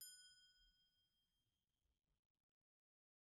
<region> pitch_keycenter=90 lokey=90 hikey=91 volume=28.018752 offset=255 ampeg_attack=0.004000 ampeg_release=15.000000 sample=Idiophones/Struck Idiophones/Bell Tree/Individual/BellTree_Hit_F#5_rr1_Mid.wav